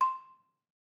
<region> pitch_keycenter=84 lokey=81 hikey=86 volume=4.061173 offset=197 lovel=100 hivel=127 ampeg_attack=0.004000 ampeg_release=30.000000 sample=Idiophones/Struck Idiophones/Balafon/Soft Mallet/EthnicXylo_softM_C5_vl3_rr1_Mid.wav